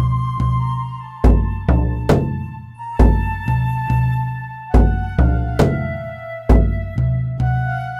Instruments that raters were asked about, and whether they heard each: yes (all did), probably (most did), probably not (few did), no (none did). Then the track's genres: flute: probably
Experimental; Ambient; New Age